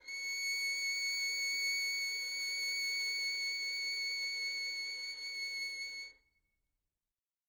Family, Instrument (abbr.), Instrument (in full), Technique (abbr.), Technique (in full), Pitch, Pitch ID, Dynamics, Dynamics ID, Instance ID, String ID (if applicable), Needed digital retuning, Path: Strings, Vn, Violin, ord, ordinario, C#7, 97, mf, 2, 0, 1, TRUE, Strings/Violin/ordinario/Vn-ord-C#7-mf-1c-T22d.wav